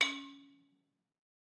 <region> pitch_keycenter=61 lokey=60 hikey=63 volume=3.203128 offset=200 lovel=100 hivel=127 ampeg_attack=0.004000 ampeg_release=30.000000 sample=Idiophones/Struck Idiophones/Balafon/Hard Mallet/EthnicXylo_hardM_C#3_vl3_rr1_Mid.wav